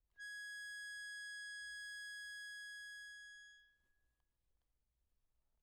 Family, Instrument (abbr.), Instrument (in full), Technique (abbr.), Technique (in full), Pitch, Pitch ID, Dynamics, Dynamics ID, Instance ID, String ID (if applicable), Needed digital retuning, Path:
Keyboards, Acc, Accordion, ord, ordinario, G#6, 92, mf, 2, 0, , FALSE, Keyboards/Accordion/ordinario/Acc-ord-G#6-mf-N-N.wav